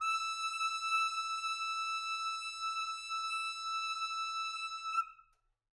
<region> pitch_keycenter=88 lokey=88 hikey=89 volume=18.457505 lovel=0 hivel=83 ampeg_attack=0.004000 ampeg_release=0.500000 sample=Aerophones/Reed Aerophones/Tenor Saxophone/Non-Vibrato/Tenor_NV_Main_E5_vl2_rr1.wav